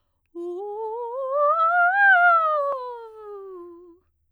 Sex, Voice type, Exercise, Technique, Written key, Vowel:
female, soprano, scales, fast/articulated piano, F major, u